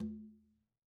<region> pitch_keycenter=63 lokey=63 hikey=63 volume=29.684582 lovel=0 hivel=65 seq_position=2 seq_length=2 ampeg_attack=0.004000 ampeg_release=15.000000 sample=Membranophones/Struck Membranophones/Conga/Quinto_HitN_v1_rr2_Sum.wav